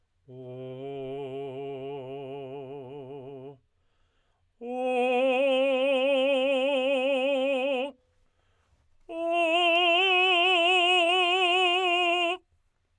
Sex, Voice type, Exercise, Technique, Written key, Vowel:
male, tenor, long tones, trill (upper semitone), , o